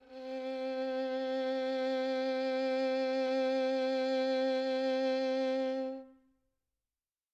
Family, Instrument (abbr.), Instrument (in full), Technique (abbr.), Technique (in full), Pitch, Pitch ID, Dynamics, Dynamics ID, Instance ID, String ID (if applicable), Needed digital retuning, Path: Strings, Vn, Violin, ord, ordinario, C4, 60, mf, 2, 3, 4, FALSE, Strings/Violin/ordinario/Vn-ord-C4-mf-4c-N.wav